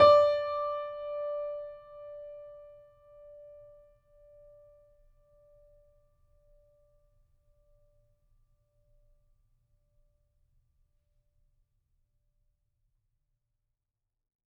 <region> pitch_keycenter=74 lokey=74 hikey=75 volume=0.134947 lovel=100 hivel=127 locc64=0 hicc64=64 ampeg_attack=0.004000 ampeg_release=0.400000 sample=Chordophones/Zithers/Grand Piano, Steinway B/NoSus/Piano_NoSus_Close_D5_vl4_rr1.wav